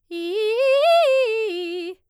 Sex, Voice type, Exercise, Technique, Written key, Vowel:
female, soprano, arpeggios, fast/articulated piano, F major, i